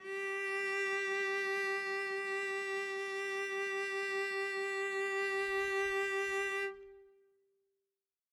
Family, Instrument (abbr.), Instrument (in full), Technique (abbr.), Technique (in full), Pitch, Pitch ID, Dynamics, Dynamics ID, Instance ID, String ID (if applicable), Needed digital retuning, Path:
Strings, Vc, Cello, ord, ordinario, G4, 67, mf, 2, 0, 1, FALSE, Strings/Violoncello/ordinario/Vc-ord-G4-mf-1c-N.wav